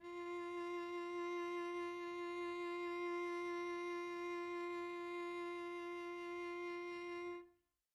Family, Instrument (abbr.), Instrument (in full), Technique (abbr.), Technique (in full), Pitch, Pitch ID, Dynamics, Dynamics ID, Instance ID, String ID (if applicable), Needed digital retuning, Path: Strings, Vc, Cello, ord, ordinario, F4, 65, pp, 0, 0, 1, FALSE, Strings/Violoncello/ordinario/Vc-ord-F4-pp-1c-N.wav